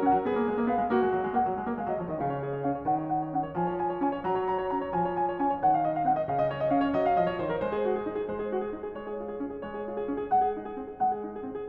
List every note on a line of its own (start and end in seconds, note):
0.00 0.13 C#4
0.00 0.27 F#5
0.13 0.27 F#3
0.27 0.39 B3
0.27 0.68 G#4
0.39 0.48 A#3
0.48 0.58 G#3
0.58 0.68 A#3
0.68 0.75 B3
0.68 0.91 F5
0.75 0.91 G#3
0.91 1.01 A#3
0.91 1.35 F#4
1.01 1.11 G#3
1.11 1.22 F#3
1.22 1.35 G#3
1.35 1.45 A#3
1.35 1.81 F#5
1.45 1.56 F#3
1.56 1.72 G#3
1.72 1.81 A#3
1.81 1.88 G#3
1.81 1.88 F5
1.88 2.00 F#3
1.88 2.00 D#5
2.00 2.11 F3
2.00 2.11 C#5
2.11 2.22 D#3
2.11 2.22 D#5
2.22 2.61 C#3
2.22 2.33 F5
2.33 2.45 C#5
2.45 2.53 G#4
2.53 2.61 C#5
2.61 2.84 C#4
2.61 2.72 F5
2.72 2.84 C#5
2.84 3.26 D#3
2.84 2.97 F#5
2.97 3.10 C#5
3.10 3.19 F#5
3.19 3.26 C#5
3.26 3.55 C#4
3.26 3.41 F#5
3.41 3.55 C#5
3.55 4.02 F3
3.55 3.67 G#5
3.67 3.82 C#5
3.82 3.91 G#5
3.91 4.02 C#5
4.02 4.19 C#4
4.02 4.11 G#5
4.11 4.19 C#5
4.19 4.71 F#3
4.19 4.31 A#5
4.31 4.42 C#5
4.42 4.57 A#5
4.57 4.71 C#5
4.71 4.92 C#4
4.71 4.84 A#5
4.84 4.92 C#5
4.92 5.40 F3
4.92 5.05 G#5
5.05 5.18 C#5
5.18 5.31 G#5
5.31 5.40 C#5
5.40 5.65 C#4
5.40 5.53 G#5
5.53 5.65 C#5
5.65 6.06 D#3
5.65 5.76 F#5
5.76 5.83 F5
5.83 5.96 D#5
5.96 6.06 F5
6.06 6.28 C4
6.06 6.14 F#5
6.14 6.28 D#5
6.28 6.71 C#3
6.28 6.40 F5
6.40 6.49 D#5
6.49 6.59 C#5
6.59 6.71 D#5
6.71 6.93 C#4
6.71 6.83 F5
6.83 6.93 C#5
6.93 7.14 F#3
6.93 7.00 D#5
7.00 7.14 F5
7.14 7.41 F3
7.14 7.30 D#5
7.30 7.41 C#5
7.41 7.62 D#3
7.41 7.51 C5
7.51 7.62 A#4
7.62 7.84 G#3
7.62 7.72 C5
7.72 7.84 G#4
7.84 8.06 F#4
7.98 8.06 G#4
8.06 8.22 D#4
8.12 8.22 G#4
8.22 8.53 G#3
8.22 8.39 C5
8.39 8.53 G#4
8.53 8.68 F#4
8.60 8.68 G#4
8.68 8.94 D#4
8.79 8.94 G#4
8.94 9.18 G#3
8.94 9.08 C#5
9.08 9.18 G#4
9.18 9.38 F4
9.26 9.38 G#4
9.38 9.65 C#4
9.52 9.65 G#4
9.65 9.86 G#3
9.65 9.76 C#5
9.76 9.86 G#4
9.86 10.07 F4
9.97 10.07 G#4
10.07 10.29 C#4
10.17 10.29 G#4
10.29 10.55 G#3
10.29 10.40 F#5
10.40 10.55 G#4
10.55 10.81 D#4
10.69 10.81 G#4
10.81 11.01 C4
10.87 11.01 G#4
11.01 11.22 G#3
11.01 11.12 F#5
11.12 11.22 G#4
11.22 11.44 D#4
11.37 11.44 G#4
11.44 11.68 C4
11.54 11.68 G#4